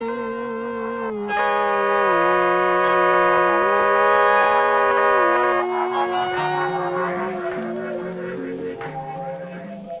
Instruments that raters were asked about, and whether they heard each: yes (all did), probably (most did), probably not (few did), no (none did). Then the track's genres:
trombone: probably
trumpet: probably not
Ambient; Minimalism